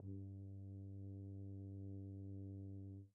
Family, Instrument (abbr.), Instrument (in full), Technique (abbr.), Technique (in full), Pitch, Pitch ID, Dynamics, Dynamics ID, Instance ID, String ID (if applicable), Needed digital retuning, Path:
Brass, BTb, Bass Tuba, ord, ordinario, G2, 43, pp, 0, 0, , FALSE, Brass/Bass_Tuba/ordinario/BTb-ord-G2-pp-N-N.wav